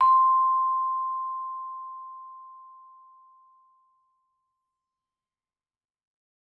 <region> pitch_keycenter=84 lokey=83 hikey=86 volume=3.511844 offset=103 lovel=84 hivel=127 ampeg_attack=0.004000 ampeg_release=15.000000 sample=Idiophones/Struck Idiophones/Vibraphone/Soft Mallets/Vibes_soft_C5_v2_rr1_Main.wav